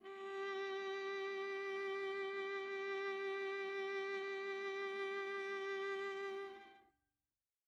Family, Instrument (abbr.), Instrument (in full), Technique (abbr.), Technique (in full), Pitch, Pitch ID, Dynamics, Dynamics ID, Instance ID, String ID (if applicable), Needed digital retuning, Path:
Strings, Va, Viola, ord, ordinario, G4, 67, mf, 2, 3, 4, FALSE, Strings/Viola/ordinario/Va-ord-G4-mf-4c-N.wav